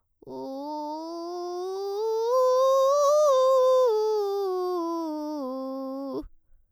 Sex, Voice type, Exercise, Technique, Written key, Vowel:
female, soprano, scales, vocal fry, , u